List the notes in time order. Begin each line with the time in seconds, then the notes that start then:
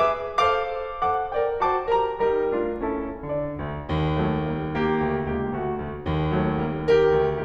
0.01 G#4 B4 E5 D6
0.34 A4 C5 F5 D6
1.12 A4 C5 F#5 D6
1.32 A#4 D5 G5
1.63 F#4 C5 A5 D6
1.92 G4 A#4 A#5
2.22 G3 D#4 G4 A#4 A#5
2.57 A3 D4 F4
2.86 C#4 E4 A4 A5
3.26 D3 D4 D5
3.62 D2
3.88 D#2
4.16 F#3 A3
4.44 G3 A#3
4.72 A#3 G4
4.99 D2
5.28 C#2 A#3 G4
5.59 D2 A3 F#4
5.82 D2
6.07 D#2
6.31 F#3 A3
6.61 G3 A#3
6.91 G4 A#4
7.24 D2